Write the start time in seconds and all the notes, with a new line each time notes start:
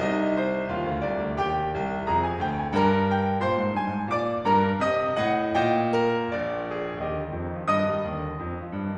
0.00 C2 D#4 D#5
0.39 C5
0.74 D#2 F4 F5
0.91 D2
1.04 C2 D5
1.27 D2
1.42 D#2 G4 G5
1.78 C2
2.09 F2 G#4 A#5
2.23 G#5
2.41 D2 G5
2.59 G#5
2.74 G2 A#4 A#5
3.13 G5
3.45 A#2 C5 C6
3.58 G#2
3.76 G2 G#5
3.92 G#2
4.11 A#2 D5 D6
4.46 G2 A#4 A#5
4.82 C3 D#5 D#6
5.20 A2 D#5 F#5
5.55 A#2 D#5 G5
5.98 A#4
6.32 A#1 D5
6.71 G#4
7.00 D#2 G4 D#5
7.14 D3
7.26 D#3
7.38 F2
7.50 D#3
7.59 F3
7.69 G2 D#5 D#6
7.84 D#3
7.94 G3
8.07 D#2
8.17 D3
8.28 D#3
8.38 F2
8.51 D#3
8.60 F3
8.79 G2
8.88 D#3